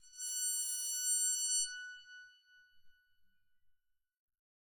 <region> pitch_keycenter=90 lokey=90 hikey=91 volume=18.628379 offset=4500 ampeg_attack=0.004000 ampeg_release=2.000000 sample=Chordophones/Zithers/Psaltery, Bowed and Plucked/LongBow/BowedPsaltery_F#5_Main_LongBow_rr2.wav